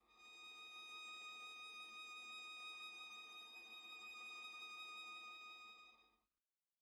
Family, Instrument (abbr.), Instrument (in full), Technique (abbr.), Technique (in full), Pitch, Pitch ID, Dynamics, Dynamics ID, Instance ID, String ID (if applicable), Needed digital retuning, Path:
Strings, Va, Viola, ord, ordinario, D#6, 87, pp, 0, 0, 1, TRUE, Strings/Viola/ordinario/Va-ord-D#6-pp-1c-T12u.wav